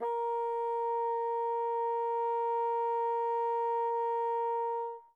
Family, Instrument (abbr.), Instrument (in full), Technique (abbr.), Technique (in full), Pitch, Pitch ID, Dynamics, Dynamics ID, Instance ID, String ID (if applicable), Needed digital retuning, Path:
Winds, Bn, Bassoon, ord, ordinario, A#4, 70, mf, 2, 0, , TRUE, Winds/Bassoon/ordinario/Bn-ord-A#4-mf-N-T14u.wav